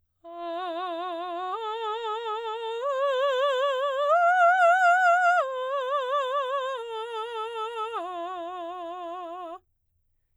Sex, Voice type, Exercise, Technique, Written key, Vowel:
female, soprano, arpeggios, slow/legato piano, F major, a